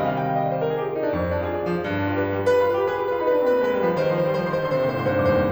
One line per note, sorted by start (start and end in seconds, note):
0.00 0.33 C3
0.00 0.33 D#3
0.00 0.33 G3
0.00 0.10 D#5
0.12 0.21 F5
0.22 0.33 G5
0.33 0.42 F5
0.42 0.53 D#5
0.53 0.64 D5
0.64 0.68 C5
0.68 0.75 A#4
0.75 0.84 G#4
0.85 0.92 G4
0.92 1.03 F4
1.03 1.15 D#4
1.15 1.50 F2
1.23 1.35 D4
1.35 1.43 F4
1.43 1.50 G#4
1.51 1.82 D5
1.66 1.82 F3
1.82 2.16 G2
1.94 2.02 B3
2.02 2.08 D4
2.08 2.16 F4
2.17 2.50 B4
2.32 2.50 G3
2.50 2.60 B4
2.61 2.69 B5
2.69 2.77 F4
2.69 2.77 B4
2.77 2.87 G4
2.77 2.87 B5
2.88 3.04 G#4
2.88 3.04 B4
3.04 3.12 G4
3.04 3.12 B5
3.12 3.24 F4
3.12 3.24 B4
3.24 3.32 D#4
3.24 3.32 B5
3.32 3.42 D4
3.32 3.40 B4
3.41 3.54 C4
3.41 3.48 B5
3.48 3.56 B4
3.54 3.65 B3
3.54 3.65 B5
3.66 3.76 G#3
3.66 3.74 B4
3.74 3.89 G3
3.74 3.82 B5
3.83 3.92 B4
3.89 4.04 F3
3.89 4.04 B5
4.04 4.20 D#3
4.04 4.16 C5
4.18 4.32 F3
4.18 4.26 C6
4.26 4.33 C5
4.32 4.41 G3
4.32 4.41 C6
4.41 4.50 F3
4.41 4.48 C5
4.48 4.66 D#3
4.48 4.61 C6
4.62 4.69 C5
4.67 4.77 D3
4.67 4.77 C6
4.77 4.90 C3
4.77 4.85 C5
4.86 5.04 A#2
4.86 4.96 C6
4.96 5.06 C5
5.04 5.15 G#2
5.04 5.15 C6
5.15 5.27 G2
5.15 5.25 C5
5.25 5.39 F2
5.25 5.33 C6
5.34 5.42 C5
5.40 5.51 D#2
5.40 5.51 C6